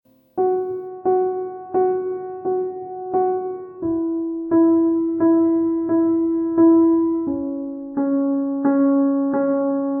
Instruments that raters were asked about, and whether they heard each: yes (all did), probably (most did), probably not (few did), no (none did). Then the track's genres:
piano: yes
accordion: no
Post-Rock; Ambient; New Age